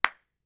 <region> pitch_keycenter=61 lokey=61 hikey=61 volume=-5.101445 offset=1770 lovel=107 hivel=127 ampeg_attack=0.004000 ampeg_release=2.000000 sample=Idiophones/Struck Idiophones/Claps/SoloClap_vl4.wav